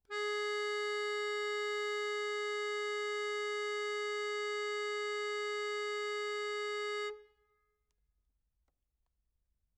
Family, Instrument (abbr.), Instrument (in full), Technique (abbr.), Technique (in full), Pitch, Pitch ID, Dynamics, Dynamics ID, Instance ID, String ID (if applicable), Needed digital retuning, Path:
Keyboards, Acc, Accordion, ord, ordinario, G#4, 68, mf, 2, 3, , FALSE, Keyboards/Accordion/ordinario/Acc-ord-G#4-mf-alt3-N.wav